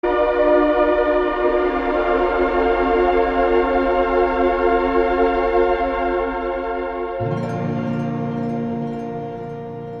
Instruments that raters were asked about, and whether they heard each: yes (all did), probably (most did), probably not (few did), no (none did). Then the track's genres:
trumpet: no
trombone: no
Soundtrack; Instrumental